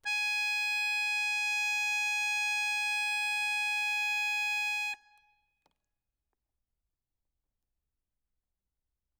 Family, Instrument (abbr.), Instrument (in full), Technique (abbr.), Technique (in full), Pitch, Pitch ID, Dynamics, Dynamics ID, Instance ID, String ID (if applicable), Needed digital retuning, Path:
Keyboards, Acc, Accordion, ord, ordinario, G#5, 80, ff, 4, 2, , FALSE, Keyboards/Accordion/ordinario/Acc-ord-G#5-ff-alt2-N.wav